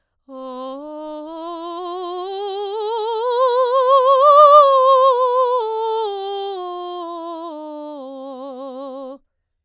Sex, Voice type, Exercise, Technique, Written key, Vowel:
female, soprano, scales, slow/legato piano, C major, o